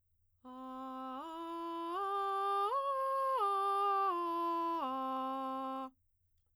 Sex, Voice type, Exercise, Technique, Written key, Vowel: female, soprano, arpeggios, straight tone, , a